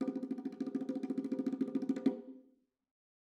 <region> pitch_keycenter=65 lokey=65 hikey=65 volume=24.431426 offset=277 lovel=0 hivel=83 ampeg_attack=0.004000 ampeg_release=0.3 sample=Membranophones/Struck Membranophones/Bongos/BongoL_Roll_v2_rr1_Mid.wav